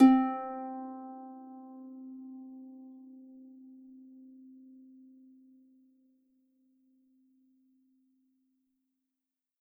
<region> pitch_keycenter=60 lokey=60 hikey=61 tune=-4 volume=1.622423 xfin_lovel=70 xfin_hivel=100 ampeg_attack=0.004000 ampeg_release=30.000000 sample=Chordophones/Composite Chordophones/Folk Harp/Harp_Normal_C3_v3_RR1.wav